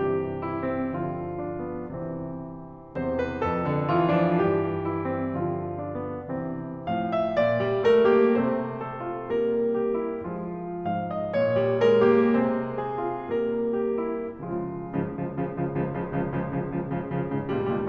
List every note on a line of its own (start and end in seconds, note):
0.00 2.07 G2
0.00 0.93 C3
0.00 0.93 E3
0.00 2.07 G3
0.00 0.44 G4
0.44 0.64 E4
0.64 0.93 C4
0.93 2.07 B2
0.93 2.07 D3
0.93 1.44 F4
1.44 1.68 D4
1.68 2.07 B3
2.08 2.86 C3
2.08 2.86 E3
2.08 2.86 G3
2.08 2.86 C4
2.88 3.40 E2
2.88 3.62 C3
2.88 3.16 C5
3.16 3.40 B4
3.40 4.35 F2
3.40 3.87 A4
3.62 3.87 D3
3.87 4.11 E3
3.87 4.11 F4
4.11 4.35 F3
4.11 4.35 D4
4.35 5.42 E3
4.35 5.42 G3
4.35 4.79 G4
4.82 5.06 E4
5.07 5.42 C4
5.42 6.34 D3
5.42 6.34 F3
5.42 5.85 F4
5.85 6.10 D4
6.10 6.34 B3
6.34 6.87 C3
6.34 6.87 E3
6.34 6.87 C4
6.88 7.35 A2
6.88 7.58 F3
6.88 7.14 F5
7.15 7.35 E5
7.36 8.36 A#2
7.36 7.83 D5
7.58 7.83 G3
7.83 8.08 A3
7.83 8.08 A#4
8.08 8.36 A#3
8.08 8.36 G4
8.36 10.24 C3
8.36 9.29 A3
8.36 9.29 C4
8.36 8.80 C5
8.80 9.00 A4
9.01 9.29 F4
9.30 10.24 G3
9.30 10.24 A#3
9.30 9.74 A#4
9.74 9.95 G4
9.95 10.24 E4
10.24 10.72 F3
10.24 10.72 G#3
10.24 10.72 F4
10.72 11.35 G#2
10.72 11.56 F3
10.72 11.13 F5
11.13 11.35 D#5
11.37 12.33 A#2
11.37 11.80 C#5
11.58 11.80 G3
11.82 12.10 G#3
11.82 12.10 A#4
12.10 12.33 A#3
12.10 12.33 G4
12.33 14.26 C3
12.33 13.29 G#3
12.33 13.29 C4
12.33 12.77 C5
12.77 13.01 G#4
13.01 13.29 F4
13.29 14.26 G3
13.29 14.26 A#3
13.29 13.75 A#4
13.75 13.99 G4
13.99 14.26 E4
14.27 14.50 C#3
14.27 14.50 F3
14.27 14.50 G#3
14.27 14.50 F4
14.50 14.72 C#2
14.50 14.72 G#2
14.50 14.72 C#3
14.50 14.72 F3
14.73 14.93 C#2
14.73 14.93 G#2
14.73 14.93 C#3
14.73 14.93 F3
14.93 15.09 C#2
14.93 15.09 G#2
14.93 15.09 C#3
14.93 15.09 F3
15.09 15.28 C#2
15.09 15.28 G#2
15.09 15.28 C#3
15.09 15.28 F3
15.29 15.49 C#2
15.29 15.49 G#2
15.29 15.49 C#3
15.29 15.49 F3
15.49 15.66 C#2
15.49 15.66 G#2
15.49 15.66 C#3
15.49 15.66 F3
15.66 15.84 C#2
15.66 15.84 G#2
15.66 15.84 C#3
15.66 15.84 F3
15.86 16.09 C#2
15.86 16.09 G#2
15.86 16.09 C#3
15.86 16.09 F3
16.09 16.30 C#2
16.09 16.30 G#2
16.09 16.30 C#3
16.09 16.30 F3
16.30 16.58 C#2
16.30 16.58 G#2
16.30 16.58 C#3
16.30 16.58 F3
16.59 16.86 C#2
16.59 16.86 G#2
16.59 16.86 C#3
16.59 16.86 F3
16.86 17.08 C#2
16.86 17.08 G#2
16.86 17.08 C#3
16.86 17.08 F3
17.09 17.35 C#2
17.09 17.35 G#2
17.09 17.35 C#3
17.09 17.35 F3
17.35 17.61 C#2
17.35 17.61 A#2
17.35 17.61 D#3
17.35 17.61 G3
17.61 17.87 C#2
17.61 17.87 A#2
17.61 17.87 D#3
17.61 17.87 G3